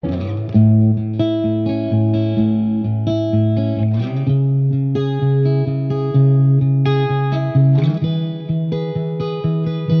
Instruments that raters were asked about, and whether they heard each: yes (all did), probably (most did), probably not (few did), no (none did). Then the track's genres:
cymbals: no
flute: no
trumpet: no
guitar: yes
Soundtrack; Instrumental